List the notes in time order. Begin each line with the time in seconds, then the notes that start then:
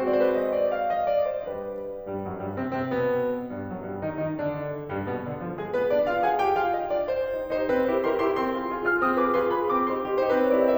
0.00 G#3 C4 F#4 C5
0.10 D5
0.15 C5
0.20 B4 C5
0.29 D#5
0.50 D5
0.67 F5
0.87 D#5
1.08 D5
1.29 C5
1.50 G3 D4 G4 B4
2.09 G2 G3
2.26 F#2 F#3
2.38 G2 G3
2.52 C3 C4
2.67 C3 C4
2.90 B2 B3
3.54 G2 G3
3.70 F#2 F#3
3.88 G2 G3
4.03 D#3 D#4
4.21 D#3 D#4
4.38 D3 D4
4.90 G2 G3
5.07 B2 B3
5.25 D3 D4
5.41 F3 F4
5.58 G#3 G#4
5.75 B3 B4
5.91 D4 D5
6.07 F4 F5
6.23 G#4 G#5
6.44 G4 G5
6.59 F4 F5
6.75 D#4 D#5
6.94 D4 D5
7.11 C4 C5
7.29 D#4 G4
7.48 D#4 G4
7.64 D#4 G4 C5
7.79 C4 B4
8.00 E4 G4 A#4 C5
8.16 E4 G4 A#4 C6
8.30 E4 G4 A#4 C6
8.46 C4 C6
8.66 F4 G#4
8.84 F4 G#4
8.96 F4 G#4 F6
9.13 C4 D#6
9.29 F4 G#4 B4 D6
9.44 F4 G#4 B4 C6
9.58 F4 G#4 B4 B5
9.75 C4 D6
9.91 D#4 G4 C6
10.07 D#4 G4
10.23 D#4 G4 C5
10.36 C4 B4
10.43 C5
10.51 E4 G4 A#4 C#5
10.58 D5
10.68 D#5